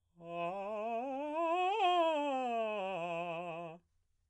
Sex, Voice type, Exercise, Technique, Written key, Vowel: male, baritone, scales, fast/articulated piano, F major, a